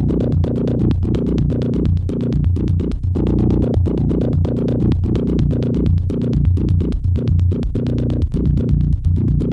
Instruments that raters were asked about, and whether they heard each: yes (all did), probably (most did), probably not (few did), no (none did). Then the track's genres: synthesizer: yes
mandolin: no
mallet percussion: no
clarinet: no
Avant-Garde; Experimental